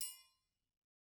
<region> pitch_keycenter=71 lokey=71 hikey=71 volume=20.198994 offset=184 lovel=84 hivel=127 seq_position=2 seq_length=2 ampeg_attack=0.004000 ampeg_release=30.000000 sample=Idiophones/Struck Idiophones/Triangles/Triangle6_HitM_v2_rr2_Mid.wav